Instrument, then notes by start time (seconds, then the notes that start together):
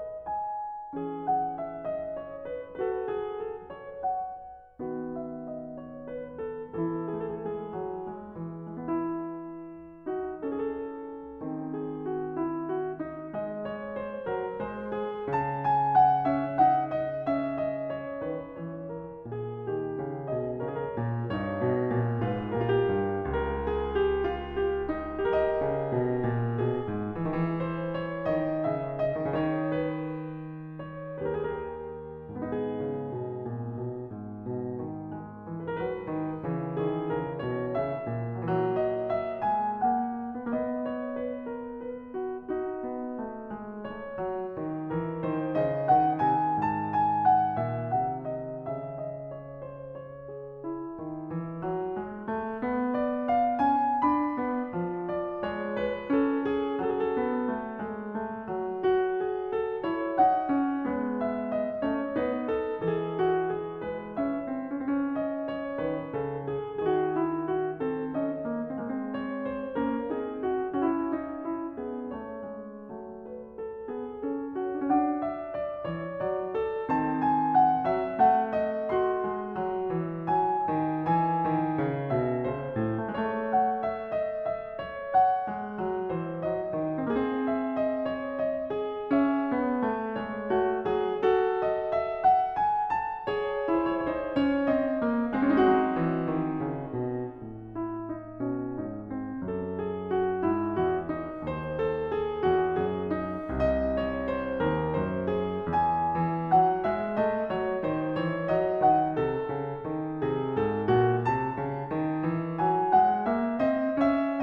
piano
0.00 D#5
0.26 G#5
0.98 E3 C#4 G#4
1.25 F#5
1.59 E5
1.88 D#5
2.21 C#5
2.51 B4
2.77 F#4 B4
2.86 A4
3.07 G#4
3.40 A4
3.74 C#5
4.05 F#5
4.81 D#3 B3 F#4
5.19 E5
5.48 D#5
5.80 C#5
6.08 B4
6.41 A4
6.73 E3 A4
6.85 E4
6.93 G#4
7.00 A4
7.06 G#4
7.12 A3
7.43 G#3
7.77 F#3
8.06 G#3
8.34 E3
8.61 G#3
8.68 B3
8.75 E4
10.04 D#4 F#4
10.45 C#4 A4
10.58 G#4
10.70 A4
11.44 D#3 C4
11.77 G#4
12.13 F#4
12.46 E4
12.75 F#4
13.03 D#4
13.34 G#3 D#5
13.62 C#5
13.98 C5
14.28 F#3 A#4
14.59 G#3 C5
14.93 G#4
15.35 C#3 A5
15.67 G#5
15.96 F#5
16.25 C#4 E5
16.58 D#4 F#5
17.00 D#5
17.31 C#4 E5
17.60 D#5
17.90 C#5
18.19 D#3 B4
18.48 E3 C#5
18.85 A#4
19.24 A#2
19.34 G#4
19.52 G4
19.66 D#3
19.97 C#3
20.29 B2 G#4 D#5
20.60 C#3 A#4 C#5
20.69 G#4
20.76 A#4
20.94 A#2
21.30 G2 D#4 C#5
21.54 B2
21.86 A#2
22.20 G#2 F4 B4
22.55 A#2 G4 A#4
22.65 F4
22.78 G4
22.91 G2
23.25 C#2
23.66 G#4
24.01 G4
24.30 F4
24.58 G4
24.92 D#4
25.25 G4 A#4
25.44 D#5
25.66 C#3
25.93 B2
26.23 A#2
26.52 B2 G#4
26.82 G#2
27.17 E3
27.26 D#3
27.34 E3
27.59 C5
27.97 C#5
28.32 D#3 D#5
28.65 C#3
28.70 E5
29.05 D#5
29.38 D#3 C#5
29.49 B4
30.79 C#5
31.14 D#2 B4
31.21 G4
31.27 A#4
31.35 G#4
31.50 A#4
32.30 G#2 B3
32.40 D#4 G#4
32.76 C#3
33.05 B2
33.39 A#2
33.77 B2
34.09 G#2
34.40 B2
34.77 D#3
35.17 G#3
35.48 E3
35.77 F#3 B4
35.85 A4
35.93 B4
36.06 D#3
36.48 C#3 E3
36.80 D#3 G#4
37.12 C#3 A#4
37.41 B2 C#5
37.72 C#3 E5
38.12 A#2
38.49 F#3
38.56 E3
38.61 F#3
38.77 D#5
39.11 E5
39.44 G#3
39.49 G#5
39.78 A#3 F#5
40.50 B3 D#5
40.58 A#3
40.67 B3
40.89 C#5
41.20 B4
41.51 A#4
41.81 B4
42.14 F#4
42.56 D#4
42.84 B3
43.19 A3
43.47 G#3
43.78 A3 C#5
44.20 F#3
44.48 D#3
44.91 E3 A#4
45.26 D#3 C5
45.56 C#3 D#5
45.85 D#3 F#5
46.17 C3 G#5
46.58 G#2 A5
46.92 G#5
47.28 F#5
47.61 A#2
47.66 E5
47.93 C3 F#5
48.27 D#5
48.67 C#3 E5
49.06 D#5
49.48 C#5
49.77 C5
50.03 C#5
50.29 G#4
50.63 E4
50.97 D#3
51.29 E3
51.65 F#3
51.98 G#3
52.30 A3
52.62 B3
52.99 D5
53.29 F5
53.61 C#4 G#5
54.06 D4
54.10 B5
54.42 B3
54.73 F3
55.11 D5
55.43 G#3
55.50 C#5
55.83 B4
56.11 C#4
56.24 A4
56.47 G#4
56.76 F#3
56.83 A4
56.91 G#4
56.99 A4
57.17 B3
57.46 A3
57.78 G#3
58.06 A3
58.37 F#3
58.68 F#4
59.09 G#4
59.54 A4
59.86 E4 C#5
60.14 D#4
60.19 F#5
60.42 C#4
60.86 G#3 B3
61.24 E5
61.50 D5
61.85 A3 C#4 C#5
62.15 B3 D#4
62.22 B4
62.48 A4
62.74 E3 A4
62.88 G#4
63.18 F#4
63.49 G#4
63.82 G#3
63.89 B4
64.20 C#4 E5
64.54 C4
64.84 C#4
64.91 C4
64.97 C#4
65.17 D#5
65.48 C#5
65.78 D#3
65.83 B4
66.11 C#3 A4
66.48 G#4
66.73 D#3 G#4
66.87 F#4
67.16 E4
67.49 F#4
67.78 C4 A4
68.13 C#4
68.17 D#5
68.42 A#3
68.73 G#3 C4
68.82 A#3
68.88 C4
69.22 C#5
69.51 C5
69.75 A#3 C#4 A#4
70.09 C4 D#4
70.14 G#4
70.39 F#4
70.61 C#4
70.74 F#4
70.87 E4
71.15 D#4
71.47 E4
71.81 B3
71.87 G#4
72.11 A3
72.16 C#5
72.41 G#3
72.74 F#3 A3
73.28 B4
73.60 A4
73.87 B3 G#4
74.32 C#4 F#4
74.68 A4
74.87 D4
74.94 F#5
75.00 C#4
75.07 D4
75.29 E5
75.57 D5
75.85 E3 C#5
76.13 F#3
76.17 D5
76.56 A4
76.83 D#3 C4 A5
77.26 G#5
77.58 F#5
77.94 F#3 E5
78.20 A3 F#5
78.56 D#5
78.85 F#4
78.91 C6
79.26 G#3
79.59 F#3
79.90 E3
80.25 F#3
80.33 G#5
80.69 D#3
81.05 E3
81.12 G#5
81.44 D#3
81.80 C#3
82.15 B2
82.20 E5
82.44 C#3 C5
82.77 A2
83.16 A3
83.21 G#3 C#5
83.31 A3
83.53 F#5
83.87 E5
84.11 D#5
84.42 E5
84.75 C#5
85.18 F#5
85.53 G#3
85.83 F#3
86.18 E3 C5
86.44 F#3 D#5
86.73 D#3
87.01 C4 G#4
87.11 A#3
87.32 C4
87.53 E5
87.88 D#5
88.13 C#5
88.39 D#5
88.72 G#4
89.11 C#4 E5
89.50 B3
89.87 A3
90.23 G#3
90.29 C#5
90.52 A3
90.57 F#4
90.86 F#3 G#4
91.22 F#4 A4
91.64 D#5
92.01 E5
92.26 F#5
92.58 G#5
93.01 A5
93.34 G#4 C#5
93.50 C5
93.58 A#4
93.65 E4 C5
93.75 C#5
93.83 C5
93.90 C#5
93.98 D#4 C5
94.34 C#4 C#5
94.64 C4
94.70 D#5
95.04 A#3
95.34 G#3
95.39 C4 D#4
95.43 F#4
95.67 F#3
95.99 E3
96.32 D#3
96.62 C#3
96.94 B2
97.41 A2
97.76 E4
98.13 D#4
98.45 B2 C#4
98.79 G#2 D#4
99.10 C4
99.43 F#2 A4
99.78 G#4
100.14 F#4
100.44 G#2 E4
100.80 E2 F#4
101.11 D#4
101.44 D#2 C5
101.81 A4
102.19 G#4
102.53 E2
102.59 F#4
102.88 F#2 G#4
103.22 D#4
103.51 C2 D#5
104.03 C#5
104.35 C5
104.62 D#2
104.68 A#4
104.98 F#2
105.02 C5
105.31 G#4
105.70 E2 G#5
106.14 E3
106.49 F#3
106.53 F#5
106.81 G#3 E5
107.13 A3 D#5
107.43 F#3 C#5
107.82 D#3
107.90 C5
108.19 E3 C#5
108.54 F#3 D#5
108.82 D#3 F#5
109.22 C3 A4
109.51 C#3
109.89 D#3
110.18 C3
110.25 G#4
110.61 G#2
110.65 A4
110.90 A#2
110.94 F#4
111.25 C3 A5
111.54 C#3
111.94 D#3
112.26 E3
112.59 F#3
112.64 G#5
112.93 G#3 F#5
113.29 A#3 E5
113.58 C4 D#5
114.00 C#4 E5